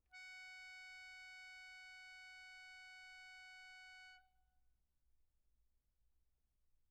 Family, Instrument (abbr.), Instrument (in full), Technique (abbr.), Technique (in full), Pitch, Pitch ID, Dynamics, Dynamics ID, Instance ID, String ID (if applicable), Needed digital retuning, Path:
Keyboards, Acc, Accordion, ord, ordinario, F#5, 78, pp, 0, 2, , FALSE, Keyboards/Accordion/ordinario/Acc-ord-F#5-pp-alt2-N.wav